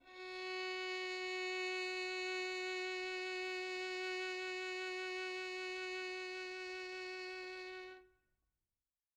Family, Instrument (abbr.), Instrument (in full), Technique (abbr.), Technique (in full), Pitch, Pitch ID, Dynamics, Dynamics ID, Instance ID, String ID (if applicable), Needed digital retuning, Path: Strings, Vn, Violin, ord, ordinario, F#4, 66, mf, 2, 2, 3, FALSE, Strings/Violin/ordinario/Vn-ord-F#4-mf-3c-N.wav